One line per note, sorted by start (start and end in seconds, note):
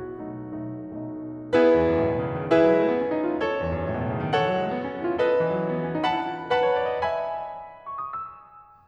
0.00 1.46 F#4
0.26 0.73 B1
0.26 0.73 B2
0.26 0.73 A3
0.26 0.73 D#4
0.73 1.06 B1
0.73 1.06 B2
0.73 1.06 A3
0.73 1.06 D#4
1.07 1.46 B1
1.07 1.46 B2
1.07 1.46 A3
1.07 1.46 D#4
1.46 2.51 B3
1.46 2.51 E4
1.46 2.51 G#4
1.46 2.51 B4
1.59 1.72 E2
1.73 1.86 F#2
1.86 1.96 G#2
1.96 2.10 A2
2.10 2.26 B2
2.31 2.41 C#3
2.43 2.51 D#3
2.51 2.62 E3
2.51 3.39 E4
2.51 3.39 G#4
2.51 3.39 B4
2.51 3.39 E5
2.62 2.73 F#3
2.77 2.87 G#3
2.88 2.95 A3
2.95 3.05 B3
3.05 3.16 C#4
3.16 3.27 D#4
3.29 3.39 E4
3.40 4.34 A4
3.40 4.34 C#5
3.58 3.69 E2
3.69 3.80 F#2
3.81 3.90 G#2
3.92 4.02 A2
4.02 4.12 B2
4.12 4.25 C#3
4.25 4.34 D#3
4.35 4.45 E3
4.35 5.19 A4
4.35 5.19 C#5
4.35 5.19 F#5
4.45 4.57 F#3
4.57 4.64 G#3
4.64 4.73 A3
4.73 4.82 B3
4.83 4.96 C#4
4.96 5.06 D#4
5.06 5.19 E4
5.20 6.07 A4
5.20 6.07 B4
5.20 6.07 D#5
5.31 5.41 E3
5.41 5.53 F#3
5.53 5.63 G#3
5.63 5.72 A3
5.74 5.85 B3
5.85 5.96 C#4
5.96 6.07 D#4
6.07 6.25 E4
6.07 6.59 F#5
6.07 6.59 A5
6.07 6.59 B5
6.26 6.36 F#4
6.37 6.49 G#4
6.49 6.59 A4
6.59 6.72 B4
6.59 7.12 F#5
6.59 7.12 A5
6.59 7.12 B5
6.73 6.86 C#5
6.88 7.01 D5
7.01 7.12 D#5
7.12 8.64 E5
7.12 8.64 G#5
7.12 7.92 B5
7.93 8.06 C#6
8.07 8.16 D#6
8.16 8.64 E6